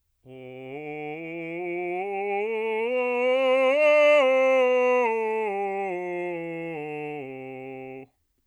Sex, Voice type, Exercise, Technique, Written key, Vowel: male, bass, scales, straight tone, , o